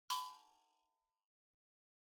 <region> pitch_keycenter=83 lokey=83 hikey=84 tune=-13 volume=18.160915 offset=4508 ampeg_attack=0.004000 ampeg_release=30.000000 sample=Idiophones/Plucked Idiophones/Mbira dzaVadzimu Nyamaropa, Zimbabwe, Low B/MBira4_pluck_Main_B4_23_50_100_rr3.wav